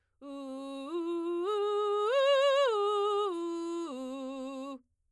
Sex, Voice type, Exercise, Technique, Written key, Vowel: female, soprano, arpeggios, belt, , u